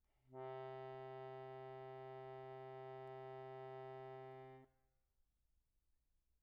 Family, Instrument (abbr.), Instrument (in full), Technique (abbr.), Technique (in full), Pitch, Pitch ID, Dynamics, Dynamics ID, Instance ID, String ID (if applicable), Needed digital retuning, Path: Keyboards, Acc, Accordion, ord, ordinario, C3, 48, pp, 0, 0, , FALSE, Keyboards/Accordion/ordinario/Acc-ord-C3-pp-N-N.wav